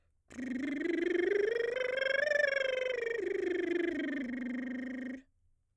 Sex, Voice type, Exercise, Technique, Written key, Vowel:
female, soprano, scales, lip trill, , i